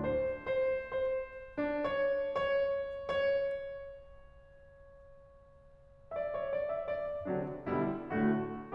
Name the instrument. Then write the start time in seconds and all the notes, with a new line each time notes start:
piano
0.00 D4
0.08 C5
0.50 C5
0.98 C5
1.58 D4
1.67 C#5
1.99 C#5
2.22 C#5
6.16 E5
6.22 D5
6.36 C#5
6.51 D5
6.68 E5
6.86 D5
7.29 C3 D3 F#3 D4
7.66 B2 D3 G3 E4
8.15 A2 D3 A3 F#4